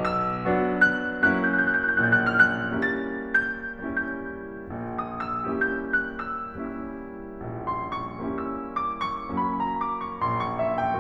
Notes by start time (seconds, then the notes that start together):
0.00 E6
0.30 F#3 B3 D4 F#4
0.87 F#6
1.24 F#3 A#3 C#4 E4 F#4 F#6
1.34 G6
1.43 F#6
1.51 G6
1.60 F#6
1.71 G6
1.81 F#6
1.93 G6
2.02 A#1 A#2 F#6
2.11 G6
2.22 F#6
2.31 G6
2.40 F#6
2.48 G6
2.58 F6
2.62 F#6
2.71 G3 A#3 C#4 E4 G4 A6
3.12 G6
3.56 G3 A#3 C#4 E4 G4 G6
4.73 A#1 A#2
4.99 D#6
5.25 E6
5.53 G3 A#3 C#4 E4 G4 G6
5.91 F#6
6.30 E6
6.59 G3 A#3 C#4 E4 G4 E6
7.40 A#1 A#2
7.66 C6
7.92 C#6
8.23 G3 A#3 C#4 E4 G4 E6
8.58 D6
8.99 C#6
9.31 F#3 A#3 C#4 E4 F#4 B5
9.57 A#5
9.74 D6
9.98 C#6
10.23 A#1 A#2 C6
10.41 C#6
10.60 E5
10.81 G5